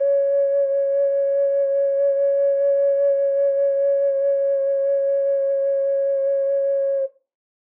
<region> pitch_keycenter=73 lokey=73 hikey=74 tune=-5 volume=-1.872448 trigger=attack ampeg_attack=0.004000 ampeg_release=0.200000 sample=Aerophones/Edge-blown Aerophones/Ocarina, Typical/Sustains/SusVib/StdOcarina_SusVib_C#4.wav